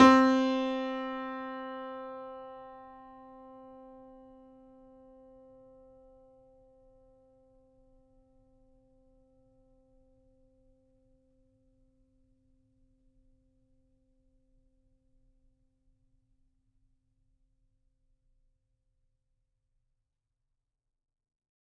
<region> pitch_keycenter=60 lokey=60 hikey=61 volume=-1.667153 lovel=100 hivel=127 locc64=0 hicc64=64 ampeg_attack=0.004000 ampeg_release=0.400000 sample=Chordophones/Zithers/Grand Piano, Steinway B/NoSus/Piano_NoSus_Close_C4_vl4_rr1.wav